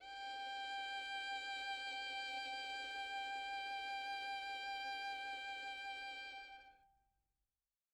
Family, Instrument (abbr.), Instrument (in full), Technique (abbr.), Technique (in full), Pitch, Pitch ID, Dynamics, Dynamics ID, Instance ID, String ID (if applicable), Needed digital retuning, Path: Strings, Vn, Violin, ord, ordinario, G5, 79, mf, 2, 2, 3, FALSE, Strings/Violin/ordinario/Vn-ord-G5-mf-3c-N.wav